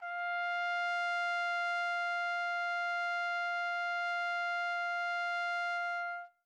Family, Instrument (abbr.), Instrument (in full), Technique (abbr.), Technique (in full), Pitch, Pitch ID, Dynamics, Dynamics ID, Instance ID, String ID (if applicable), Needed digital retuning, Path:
Brass, TpC, Trumpet in C, ord, ordinario, F5, 77, mf, 2, 0, , TRUE, Brass/Trumpet_C/ordinario/TpC-ord-F5-mf-N-T11d.wav